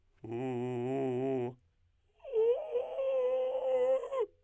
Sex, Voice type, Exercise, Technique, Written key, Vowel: male, tenor, long tones, inhaled singing, , o